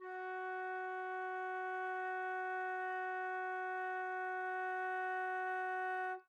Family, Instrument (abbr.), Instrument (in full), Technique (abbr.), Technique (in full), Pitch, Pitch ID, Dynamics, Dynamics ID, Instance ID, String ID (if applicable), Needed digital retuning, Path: Winds, Fl, Flute, ord, ordinario, F#4, 66, mf, 2, 0, , FALSE, Winds/Flute/ordinario/Fl-ord-F#4-mf-N-N.wav